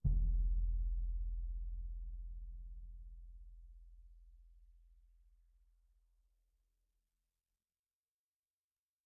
<region> pitch_keycenter=62 lokey=62 hikey=62 volume=20.922248 offset=1825 lovel=0 hivel=47 seq_position=2 seq_length=2 ampeg_attack=0.004000 ampeg_release=30 sample=Membranophones/Struck Membranophones/Bass Drum 2/bassdrum_hit_pp2.wav